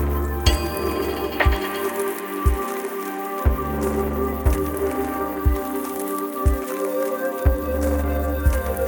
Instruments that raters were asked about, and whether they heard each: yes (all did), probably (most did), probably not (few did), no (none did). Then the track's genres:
banjo: no
flute: probably
mandolin: no
Electronic; Ambient